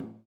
<region> pitch_keycenter=71 lokey=71 hikey=71 volume=5.000000 ampeg_attack=0.004000 ampeg_release=1.000000 sample=Aerophones/Lip Aerophones/Didgeridoo/Didgeridoo1_Tap1_Main_rr16.wav